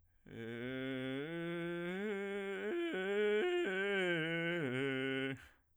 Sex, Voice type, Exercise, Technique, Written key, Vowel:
male, bass, arpeggios, vocal fry, , e